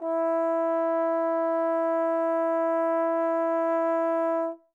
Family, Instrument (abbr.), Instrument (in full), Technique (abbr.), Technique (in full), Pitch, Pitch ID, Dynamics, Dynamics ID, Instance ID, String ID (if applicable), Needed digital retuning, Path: Brass, Tbn, Trombone, ord, ordinario, E4, 64, mf, 2, 0, , TRUE, Brass/Trombone/ordinario/Tbn-ord-E4-mf-N-T10u.wav